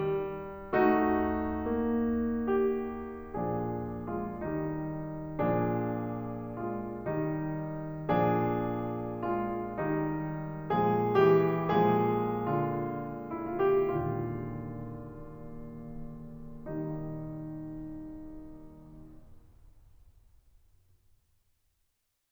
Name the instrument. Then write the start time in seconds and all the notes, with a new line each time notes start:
piano
0.00 G3
0.74 A3 D#4 F#4
1.68 A#3
2.51 G4
3.49 A#2 F3 A#3 G#4
4.01 G#3 F4
4.28 D#3 G3 D#4
5.42 A#2 F3 D4 G#4
6.58 G#3 F4
7.07 D#3 G3 D#4
8.14 A#2 F3 D4 G#4
9.24 G#3 F4
9.80 D#3 G3 D#4
10.67 A#2 F3 G#3 G#4
11.13 E3 G4
11.81 A#2 F3 G#3 G#4
12.50 D3 F4
13.21 E4
13.49 F4
13.71 G4
14.14 D#2 A#2 D3 G#3 F4
16.57 D#3 G3 D#4